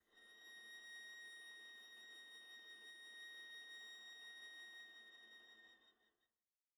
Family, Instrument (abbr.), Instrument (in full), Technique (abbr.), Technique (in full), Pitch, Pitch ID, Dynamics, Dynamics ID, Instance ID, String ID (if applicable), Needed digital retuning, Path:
Strings, Va, Viola, ord, ordinario, A#6, 94, pp, 0, 0, 1, FALSE, Strings/Viola/ordinario/Va-ord-A#6-pp-1c-N.wav